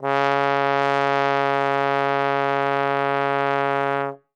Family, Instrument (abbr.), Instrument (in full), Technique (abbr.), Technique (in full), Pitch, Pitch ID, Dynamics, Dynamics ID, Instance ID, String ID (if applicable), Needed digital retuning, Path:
Brass, Tbn, Trombone, ord, ordinario, C#3, 49, ff, 4, 0, , FALSE, Brass/Trombone/ordinario/Tbn-ord-C#3-ff-N-N.wav